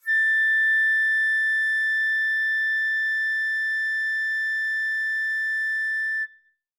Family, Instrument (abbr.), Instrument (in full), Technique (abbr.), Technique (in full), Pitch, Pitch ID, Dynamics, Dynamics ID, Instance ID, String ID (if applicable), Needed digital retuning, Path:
Winds, Fl, Flute, ord, ordinario, A6, 93, mf, 2, 0, , FALSE, Winds/Flute/ordinario/Fl-ord-A6-mf-N-N.wav